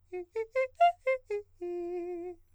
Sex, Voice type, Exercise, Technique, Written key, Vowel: male, countertenor, arpeggios, fast/articulated piano, F major, i